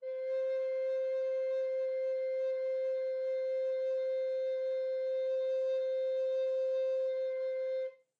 <region> pitch_keycenter=72 lokey=72 hikey=73 volume=14.493999 offset=749 ampeg_attack=0.004000 ampeg_release=0.300000 sample=Aerophones/Edge-blown Aerophones/Baroque Alto Recorder/Sustain/AltRecorder_Sus_C4_rr1_Main.wav